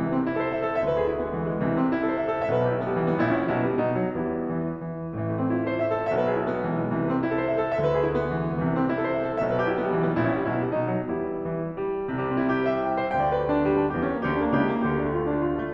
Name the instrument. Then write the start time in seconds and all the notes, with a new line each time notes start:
piano
0.00 C2 C3 E3
0.08 A3
0.19 C4
0.33 E4
0.42 A4
0.50 C5
0.59 E5
0.67 C5
0.79 A4
0.88 D2 D3 E5
0.99 B4
1.07 G#4
1.13 E4
1.21 B3
1.29 G#3
1.39 E3
1.49 G#3
1.58 B3
1.67 C2 C3 E3
1.76 A3
1.85 C4
1.93 E4
2.01 A4
2.10 C5
2.17 E5
2.29 C5
2.45 A4
2.55 B1 B2 E5
2.64 C5
2.72 G4
2.79 E4
2.86 C4
2.93 G3
3.01 E3
3.09 G3
3.18 B3
3.26 A1 A2 E4
3.34 C#4
3.44 G3
3.58 B1 B2 E4
3.65 B3
3.73 G3
3.82 B1 B2 D#4
3.90 B3
3.99 F#3
4.09 E2 G3 B3 E4
4.40 E3
4.82 E3
5.15 A1 A2 E3
5.31 A3
5.39 C4
5.53 E4
5.60 A4
5.69 C5
5.77 E5
5.87 C5
5.98 A4
6.12 B1 B2 E5
6.21 B4
6.33 G#4
6.43 E4
6.51 B3
6.63 G#3
6.71 E3
6.82 G#3
6.91 B3
6.98 C2 C3 E3
7.06 A3
7.14 C4
7.23 E4
7.31 A4
7.38 C5
7.51 E5
7.59 C5
7.66 A4
7.76 D2 D3 E5
7.85 B4
7.95 G#4
8.06 E4
8.13 B3
8.21 G#3
8.29 E3
8.37 G#3
8.46 B3
8.58 C2 C3 E3
8.66 A3
8.74 C4
8.84 E4
8.90 A4
9.01 C5
9.09 E5
9.17 C5
9.28 A4
9.37 B1 B2 E5
9.45 C5
9.54 G4
9.62 E4
9.71 C4
9.76 G3
9.86 E3
9.95 G3
10.05 B3
10.17 A1 A2 E4
10.29 C#4
10.38 G3
10.50 B1 B2 E4
10.60 B3
10.69 G3
10.77 B1 B2 D#4
10.88 B3
10.97 F#3
11.06 E2 G3 B3 E4
11.40 E3
11.77 G3
12.12 C2 C3 G3
12.31 C4
12.42 E4
12.52 G4
12.60 C5
12.69 E5
12.79 G5
12.90 E5
12.98 C5
13.08 D2 D3 G5
13.18 D5
13.27 B4
13.39 G4
13.47 D4
13.54 B3
13.72 G3
13.83 B3
13.92 D4
13.99 E2 E3 G4
14.06 C#4
14.15 A#3
14.25 D2 D3 G4
14.33 D4
14.43 A#3
14.51 C#2 C#3 G4
14.61 E4
14.71 A3
14.86 D2 D3 G4
14.98 E4
15.10 A3
15.21 F4
15.31 D4
15.38 A3
15.45 F4
15.53 D4
15.65 A3